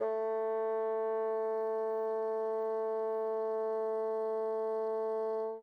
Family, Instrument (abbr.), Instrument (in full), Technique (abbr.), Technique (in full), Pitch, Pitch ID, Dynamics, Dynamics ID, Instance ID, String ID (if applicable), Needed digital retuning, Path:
Winds, Bn, Bassoon, ord, ordinario, A3, 57, mf, 2, 0, , FALSE, Winds/Bassoon/ordinario/Bn-ord-A3-mf-N-N.wav